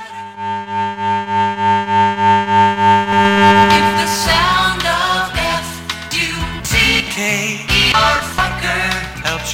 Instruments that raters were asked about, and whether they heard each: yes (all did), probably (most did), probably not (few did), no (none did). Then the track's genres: clarinet: no
accordion: no
Experimental Pop; Sound Collage